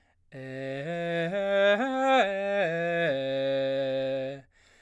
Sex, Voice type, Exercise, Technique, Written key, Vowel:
male, baritone, arpeggios, slow/legato forte, C major, e